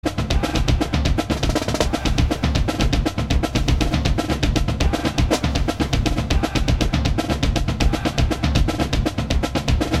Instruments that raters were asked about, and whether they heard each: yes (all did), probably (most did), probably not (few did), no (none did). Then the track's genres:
drums: yes
saxophone: no
flute: no
trombone: no
Rock; Experimental